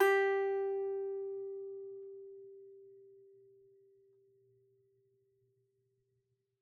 <region> pitch_keycenter=67 lokey=67 hikey=68 volume=-0.185726 lovel=66 hivel=99 ampeg_attack=0.004000 ampeg_release=15.000000 sample=Chordophones/Composite Chordophones/Strumstick/Finger/Strumstick_Finger_Str3_Main_G3_vl2_rr1.wav